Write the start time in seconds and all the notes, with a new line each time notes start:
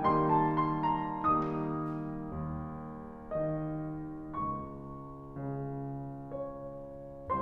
0.01 D#3 G3 A#3 D#4 C6
0.26 A5
0.53 C6
0.85 A#5
1.27 D#3 G3 A#3 D#4 D#6
2.34 D#2
3.31 D#3 D#5
4.36 C#2 C#6
5.32 C#3
6.33 C#5